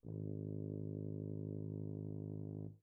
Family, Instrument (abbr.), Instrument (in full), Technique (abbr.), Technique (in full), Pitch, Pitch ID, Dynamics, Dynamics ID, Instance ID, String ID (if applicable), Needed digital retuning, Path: Brass, BTb, Bass Tuba, ord, ordinario, G#1, 32, mf, 2, 0, , TRUE, Brass/Bass_Tuba/ordinario/BTb-ord-G#1-mf-N-T18u.wav